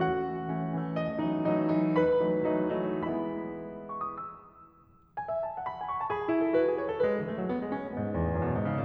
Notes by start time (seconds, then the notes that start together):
0.00 F#4 F#5
0.19 E3 A3 C#4
0.43 E3 A3 C#4
0.66 E3 A3 C#4
0.96 D#5
1.18 E3 F#3 A3 D#4
1.46 E3 F#3 A3 D#4
1.72 E3 F#3 A3 D#4
1.99 B4 B5
2.25 E3 F#3 A3 D#4
2.51 E3 F#3 A3 D#4
2.75 E3 F#3 A3 D#4
3.09 E3 G#3 B3 E4 B5
3.94 C#6
4.04 D#6
4.16 E6
5.20 G#5
5.31 E5
5.46 A5
5.60 F#5
5.69 B5
5.82 G#5
5.93 C#6
6.03 A5
6.14 G#4 B5
6.26 E4
6.37 A4
6.49 F#4
6.58 B4
6.69 G#4
6.84 C#5
6.94 A4
7.05 G#3 B4
7.17 E3
7.27 A3
7.37 F#3
7.48 B3
7.62 G#3
7.72 C#4
7.87 A3
7.99 G#2 B3
8.12 E2
8.22 A2
8.34 F#2
8.53 B2
8.65 G#2
8.74 C#3